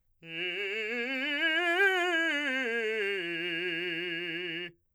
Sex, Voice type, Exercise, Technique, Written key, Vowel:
male, , scales, fast/articulated forte, F major, i